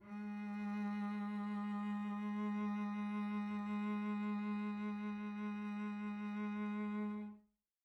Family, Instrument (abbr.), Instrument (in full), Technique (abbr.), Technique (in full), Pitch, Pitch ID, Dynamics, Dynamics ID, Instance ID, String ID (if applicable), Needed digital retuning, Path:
Strings, Vc, Cello, ord, ordinario, G#3, 56, pp, 0, 2, 3, FALSE, Strings/Violoncello/ordinario/Vc-ord-G#3-pp-3c-N.wav